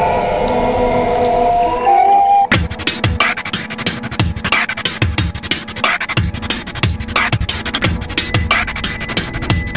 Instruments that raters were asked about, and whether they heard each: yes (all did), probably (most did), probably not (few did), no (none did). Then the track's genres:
drums: probably
Hip-Hop; Experimental; Alternative Hip-Hop